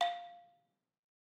<region> pitch_keycenter=77 lokey=75 hikey=80 volume=7.357234 offset=187 lovel=100 hivel=127 ampeg_attack=0.004000 ampeg_release=30.000000 sample=Idiophones/Struck Idiophones/Balafon/Traditional Mallet/EthnicXylo_tradM_F4_vl3_rr1_Mid.wav